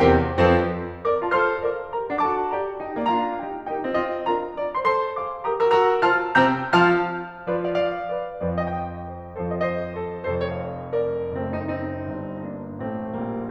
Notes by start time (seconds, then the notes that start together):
0.00 E2 C3 G4 A#4 C5 G5
0.33 F2 F3 C4 A4 C5
1.01 A#4 D5 D6
1.24 F4 C5 A5 F6
1.32 A4 C5 A5 F6
1.65 A#4 D5 F5 D6
1.95 G4 A#4 A#5
2.17 D4 A4 F#5 D6
2.26 F#4 A4 A5 D6
2.58 G4 A#4 D5 A#5
2.86 D#4 G4 G5
3.02 A#3 F4 D5 A#5
3.10 D4 F4 F5 A#5
3.40 D#4 G4 A#4 G5
3.69 D#4 G4 A#4 G5
3.84 C4 F4 D#5 A5
3.94 C4 F4 D#5 A5
4.27 D4 F4 A#4 A#5
4.62 D5 F5 A#5
4.89 A4 C5 C6
4.97 A4 C5 F5 C6
5.32 G#4 A#4 F5 D6
5.54 G4 A#4 A#5 D#6
5.72 F#4 E6
5.77 F#4 A#4 A#5 E6
6.03 F4 C5 F5 A5 F6
6.40 C3 C4 G5 A#5 E6 G6
6.76 F3 F4 F5 A5 F6
7.49 F3 F4 B4 D5
7.71 D5 F5
7.79 D5 F5
8.12 B4 D5
8.41 F2 F3 B4 D5
8.65 D#5 G5
8.75 D#5 G5
9.04 C5 D#5
9.39 F2 F3 A4 C5
9.65 C5 D#5
9.69 C5 D#5
9.97 A4 C5
10.32 F1 F2 A4 C5
10.60 C#5 F5
10.69 D5 F5
10.99 A#4 D5
11.35 F#1 F#2 A3 C4
11.61 C4 D#4
11.73 C4 D#4
12.13 G1 G2
12.49 A#3 D4
12.81 A1 A2 A3 C4
13.17 A#1 A#2 G3 A#3